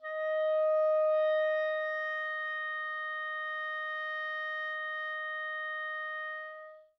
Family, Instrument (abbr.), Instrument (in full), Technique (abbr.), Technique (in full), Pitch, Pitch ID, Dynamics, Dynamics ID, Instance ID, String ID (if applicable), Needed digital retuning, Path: Winds, ClBb, Clarinet in Bb, ord, ordinario, D#5, 75, mf, 2, 0, , FALSE, Winds/Clarinet_Bb/ordinario/ClBb-ord-D#5-mf-N-N.wav